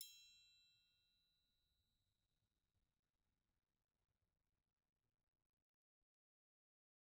<region> pitch_keycenter=65 lokey=65 hikey=65 volume=24.981028 offset=182 lovel=0 hivel=83 seq_position=2 seq_length=2 ampeg_attack=0.004000 ampeg_release=30.000000 sample=Idiophones/Struck Idiophones/Triangles/Triangle3_Hit_v1_rr2_Mid.wav